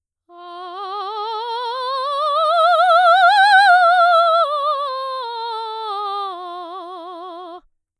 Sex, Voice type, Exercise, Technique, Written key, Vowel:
female, soprano, scales, slow/legato forte, F major, a